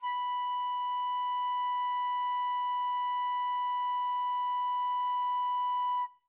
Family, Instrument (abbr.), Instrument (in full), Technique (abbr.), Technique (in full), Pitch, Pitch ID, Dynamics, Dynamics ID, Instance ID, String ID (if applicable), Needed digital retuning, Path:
Winds, Fl, Flute, ord, ordinario, B5, 83, mf, 2, 0, , TRUE, Winds/Flute/ordinario/Fl-ord-B5-mf-N-T17d.wav